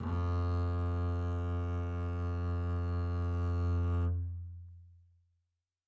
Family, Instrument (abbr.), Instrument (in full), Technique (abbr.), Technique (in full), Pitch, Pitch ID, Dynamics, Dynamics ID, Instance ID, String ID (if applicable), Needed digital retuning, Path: Strings, Cb, Contrabass, ord, ordinario, F2, 41, mf, 2, 1, 2, FALSE, Strings/Contrabass/ordinario/Cb-ord-F2-mf-2c-N.wav